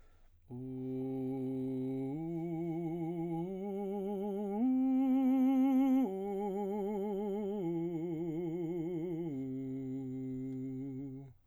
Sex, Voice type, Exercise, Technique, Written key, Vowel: male, baritone, arpeggios, vibrato, , u